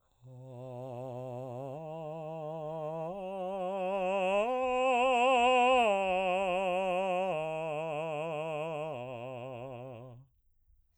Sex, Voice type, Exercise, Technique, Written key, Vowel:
male, baritone, arpeggios, slow/legato piano, C major, a